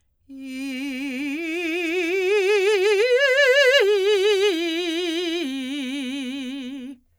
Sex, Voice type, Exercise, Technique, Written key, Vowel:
female, soprano, arpeggios, vibrato, , i